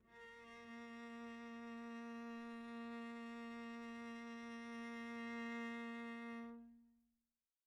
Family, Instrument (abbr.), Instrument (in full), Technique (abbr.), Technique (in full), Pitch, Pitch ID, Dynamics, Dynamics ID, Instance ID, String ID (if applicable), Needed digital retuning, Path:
Strings, Vc, Cello, ord, ordinario, A#3, 58, pp, 0, 0, 1, FALSE, Strings/Violoncello/ordinario/Vc-ord-A#3-pp-1c-N.wav